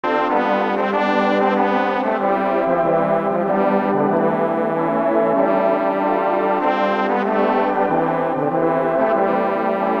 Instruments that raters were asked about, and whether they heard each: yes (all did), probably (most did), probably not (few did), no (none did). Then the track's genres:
trombone: yes
trumpet: probably
Soundtrack; Ambient; Instrumental